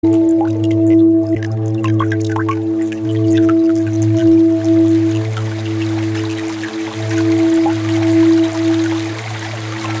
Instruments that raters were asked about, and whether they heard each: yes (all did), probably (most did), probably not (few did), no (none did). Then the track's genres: flute: no
mallet percussion: no
Experimental; Ambient